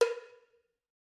<region> pitch_keycenter=60 lokey=60 hikey=60 volume=-1.296265 offset=282 lovel=100 hivel=127 ampeg_attack=0.004000 ampeg_release=15.000000 sample=Idiophones/Struck Idiophones/Cowbells/Cowbell1_Hit_v4_rr1_Mid.wav